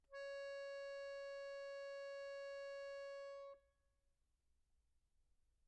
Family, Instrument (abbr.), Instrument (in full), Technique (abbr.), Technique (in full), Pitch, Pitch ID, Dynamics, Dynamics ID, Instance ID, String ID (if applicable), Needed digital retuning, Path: Keyboards, Acc, Accordion, ord, ordinario, C#5, 73, pp, 0, 1, , FALSE, Keyboards/Accordion/ordinario/Acc-ord-C#5-pp-alt1-N.wav